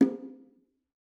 <region> pitch_keycenter=63 lokey=63 hikey=63 volume=7.521950 offset=228 lovel=100 hivel=127 seq_position=2 seq_length=2 ampeg_attack=0.004000 ampeg_release=15.000000 sample=Membranophones/Struck Membranophones/Bongos/BongoL_Hit1_v3_rr2_Mid.wav